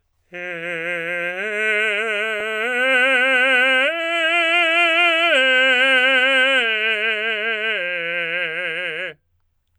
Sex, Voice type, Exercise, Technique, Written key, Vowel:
male, tenor, arpeggios, slow/legato forte, F major, e